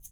<region> pitch_keycenter=66 lokey=66 hikey=66 volume=19.950105 seq_position=2 seq_length=2 ampeg_attack=0.004000 ampeg_release=30.000000 sample=Idiophones/Struck Idiophones/Shaker, Small/Mid_ShakerLowFaster_Down_rr2.wav